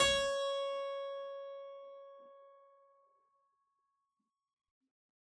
<region> pitch_keycenter=73 lokey=73 hikey=73 volume=-1.488177 trigger=attack ampeg_attack=0.004000 ampeg_release=0.400000 amp_veltrack=0 sample=Chordophones/Zithers/Harpsichord, Unk/Sustains/Harpsi4_Sus_Main_C#4_rr1.wav